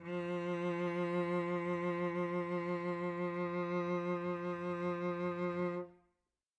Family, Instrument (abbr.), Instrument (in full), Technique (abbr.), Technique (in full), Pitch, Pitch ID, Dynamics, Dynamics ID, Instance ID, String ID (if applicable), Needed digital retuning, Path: Strings, Vc, Cello, ord, ordinario, F3, 53, mf, 2, 3, 4, TRUE, Strings/Violoncello/ordinario/Vc-ord-F3-mf-4c-T17u.wav